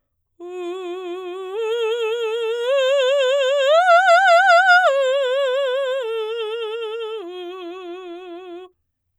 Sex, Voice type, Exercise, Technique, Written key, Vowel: female, soprano, arpeggios, slow/legato forte, F major, u